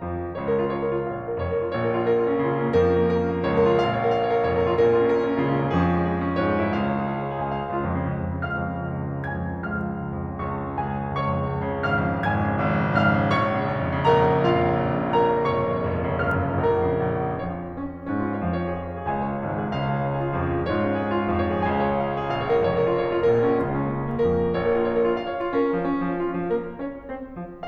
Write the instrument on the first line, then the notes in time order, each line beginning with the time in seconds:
piano
0.00 F2 F3
0.34 C#2 C#3 C#5
0.44 A#4
0.62 F4
0.71 C#5
0.85 A#4
0.96 F4
1.06 A#1 A#2 F5
1.17 C#5
1.25 A#4
1.36 F1 F2 C#5
1.49 A#4
1.58 F4
1.67 A#1 A#2 C#5
1.79 A#4
1.92 F4
2.03 A#4
2.16 F4
2.26 C#4
2.40 C#2 C#3 F4
2.55 C#4
2.73 A#3
2.89 F2 F3 C#4 A#4
3.00 A#3
3.11 C#4
3.24 A#4
3.30 C#4
3.41 A#3
3.52 C#2 C#3 F4 C#5
3.62 C#4
3.73 F4
3.81 A#1 A#2 F5
3.92 C#5
4.01 A#4
4.13 F5
4.25 C#5
4.37 A#4
4.46 F1 F2 C#5
4.56 A#4
4.64 F4
4.71 A#1 A#2 A#4
4.82 F4
4.93 C#4
5.07 A#4
5.18 F4
5.29 C#4
5.42 C#2 C#3 F4
5.50 C#4
5.56 A#3
5.65 F2 F3 C#4 G#4
5.76 G#3
5.85 C#4
5.99 G#4
6.07 F4
6.19 C#4
6.32 G#2 G#3 F4 C#5
6.43 C#4
6.55 F4
6.64 C#2 C#3 F5
6.77 C#5
6.86 G#4
6.97 F5
7.07 C#5
7.17 G#4
7.29 C#2 C#3 G#5
7.43 F5
7.57 C#5
7.69 C#2 C#3 F4 C#5
8.14 C#2
8.28 F2
8.38 C#3
8.52 C#2 F5 F6
8.64 F2
8.75 C#3
8.87 C#2
8.97 F2
9.08 C#3
9.22 C#2 G#5 G#6
9.39 F2
9.52 C#3
9.69 C#2 F5 F6
9.85 F2
9.96 C#3
10.08 C#2
10.18 F2
10.31 C#3
10.40 C#2 C#5 C#6
10.52 F2
10.67 C#3
10.77 C#2 G#4 G#5
10.89 F2
10.98 C#3
11.11 C#2 C#5 C#6
11.24 F2
11.34 C#3
11.47 C#2
11.62 F2
11.75 C#3
11.88 G#1 F5 F6
12.00 F2
12.10 C#3
12.21 G#1 G#5 G#6
12.33 F2
12.42 C#3
12.55 G#1
12.65 F2
12.81 C#3
12.90 G#1 F5 F6
13.06 F2
13.18 C#3
13.29 A#1 C#5 C#6
13.47 F2
13.57 C#3
13.70 A#1
13.80 F2
13.93 C#3
14.05 A#1 A#4 A#5
14.16 F2
14.26 C#3
14.36 A#1 F4 F5
14.49 F2
14.61 C#3
14.73 A#1
14.85 F2
15.01 C#3
15.14 A#1 A#4 A#5
15.27 F2
15.37 C#3
15.45 F1 C#5 C#6
15.55 F2
15.66 C#3
15.79 F1
15.92 F2
16.03 C#3
16.14 F1 F5 F6
16.23 F2
16.35 C#3
16.46 A#1 A#4 A#5
16.56 F2
16.66 C#3
16.85 A#1
17.31 F2 F3 C#4 C#5
17.67 C#4 C#5
18.07 G#2 G#3 C#4
18.18 F4
18.30 C#5
18.40 F2 F3 F5
18.54 C#5
18.62 G#4
18.77 F5
18.88 C#5
18.99 G#4
19.08 C#2 C#3 F5 G#5
19.18 C#5
19.33 G#4
19.44 G#1 G#2 F5
19.56 C#5
19.66 G#4
19.76 C#2 C#3 F5
19.86 C#5
19.95 G#4
20.07 C#5
20.18 G#4
20.29 F4
20.42 F2 F3 C#4 G#4
20.54 G#3
20.67 C#4
20.77 G#2 G#3 F4 C#5
20.87 C#4
20.96 F4
21.04 C#5
21.14 G#4
21.26 F4
21.39 F2 F3 F5
21.50 C#5
21.56 G#4
21.65 C#2 C#3 G#5
21.75 F5
21.88 C#5
22.01 F5
22.11 C#5
22.23 F5
22.35 A#1 A#2 F5
22.57 F4
22.67 F1 F2 C#5
22.79 A#4
22.89 F4
22.99 C#5
23.12 A#4
23.23 F4
23.35 A#1 A#2 A#4
23.45 F4
23.59 C#4
23.70 C#2 C#3 F4
23.84 C#4
23.96 A#3
24.07 F4
24.16 C#4
24.23 A#3
24.33 F2 F3 C#4 A#4
24.44 A#3
24.53 C#4
24.62 A#1 A#2 C#5
24.69 A#4
24.81 F4
24.90 C#5
25.01 A#4
25.11 F4
25.23 F5
25.32 C#5
25.43 F4
25.54 C#4 A#4
25.70 A#3
25.82 F3
25.93 C#4
26.11 A#3
26.23 F3
26.33 F4
26.45 C#4
26.55 F3
26.67 A#3 A#4
26.90 C#4 C#5
27.14 C4 C5
27.42 F3 F4